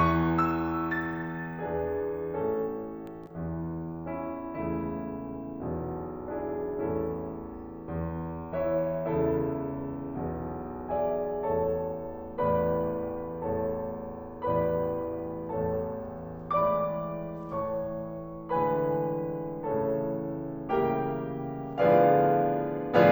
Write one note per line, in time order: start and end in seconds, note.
0.00 1.52 E2
0.00 1.52 E3
0.00 0.49 C#6
0.50 0.88 E6
0.89 1.52 A6
1.53 2.26 E2
1.53 2.26 E3
1.53 2.26 B3
1.53 2.26 D4
1.53 2.26 G#4
2.26 3.34 A1
2.26 3.34 A2
2.26 2.96 C#4
2.26 2.96 A4
3.34 4.59 E2
3.34 4.59 E3
4.12 4.59 C#4
4.12 4.59 E4
4.59 5.65 C#2
4.59 5.65 E2
4.59 5.65 C#3
4.59 5.29 A3
4.59 5.29 E4
5.67 6.78 B1
5.67 6.78 E2
5.67 6.78 B2
6.39 6.78 D4
6.39 6.78 E4
6.39 6.78 G#4
6.79 7.81 A1
6.79 7.81 E2
6.79 7.81 A2
6.79 7.50 C#4
6.79 7.50 E4
6.79 7.50 A4
7.84 9.00 E2
8.53 9.00 E3
8.53 9.00 E4
8.53 9.00 C#5
8.53 9.00 E5
9.01 10.14 C#2
9.01 10.14 E2
9.01 10.14 C#3
9.01 9.79 E4
9.01 9.79 A4
9.01 9.79 E5
10.14 11.44 B1
10.14 11.44 E2
10.14 11.44 B2
10.91 11.44 G#4
10.91 11.44 D5
10.91 11.44 E5
10.91 11.44 G#5
11.44 12.35 A1
11.44 12.35 E2
11.44 12.35 A2
11.44 12.35 A4
11.44 12.35 C#5
11.44 12.35 A5
12.36 13.35 A1
12.36 13.35 E2
12.36 13.35 A2
12.36 13.35 B4
12.36 13.35 D5
12.36 13.35 B5
13.36 14.43 A1
13.36 14.43 E2
13.36 14.43 A2
13.36 14.43 A4
13.36 14.43 C#5
13.36 14.43 A5
14.44 15.49 A1
14.44 15.49 E2
14.44 15.49 A2
14.44 15.49 B4
14.44 15.49 D5
14.44 15.49 B5
15.50 16.51 A1
15.50 16.51 E2
15.50 16.51 A2
15.50 16.51 A4
15.50 16.51 C#5
15.50 16.51 A5
16.51 17.50 A2
16.51 17.50 E3
16.51 17.50 G#3
16.51 17.50 D5
16.51 17.50 B5
16.51 17.50 D6
17.50 18.51 A2
17.50 18.51 E3
17.50 18.51 A3
17.50 18.51 C#5
17.50 18.51 A5
17.50 18.51 C#6
18.51 19.67 A2
18.51 19.67 D3
18.51 19.67 E3
18.51 19.67 G#3
18.51 19.67 B4
18.51 19.67 G#5
18.51 19.67 B5
19.68 20.69 A2
19.68 20.69 C#3
19.68 20.69 E3
19.68 20.69 A3
19.68 20.69 A4
19.68 20.69 C#5
19.68 20.69 A5
20.70 21.79 A2
20.70 21.79 C#3
20.70 21.79 E3
20.70 21.79 G3
20.70 21.79 A#3
20.70 21.79 G4
20.70 21.79 A#4
20.70 21.79 E5
20.70 21.79 G5
21.83 23.12 A2
21.83 23.12 D3
21.83 23.12 F3
21.83 23.12 B3
21.83 23.12 F4
21.83 23.12 G#4
21.83 23.12 B4
21.83 23.12 D5
21.83 23.12 F5